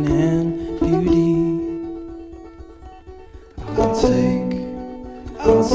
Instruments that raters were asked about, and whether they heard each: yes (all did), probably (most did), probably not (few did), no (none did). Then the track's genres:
mandolin: yes
ukulele: yes
banjo: yes
Psych-Folk; Indie-Rock